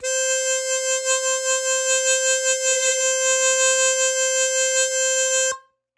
<region> pitch_keycenter=72 lokey=70 hikey=74 volume=6.237797 trigger=attack ampeg_attack=0.004000 ampeg_release=0.100000 sample=Aerophones/Free Aerophones/Harmonica-Hohner-Super64/Sustains/Vib/Hohner-Super64_Vib_C4.wav